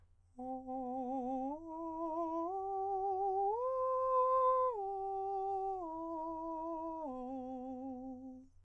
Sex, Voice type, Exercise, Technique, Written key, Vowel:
male, countertenor, arpeggios, slow/legato piano, C major, o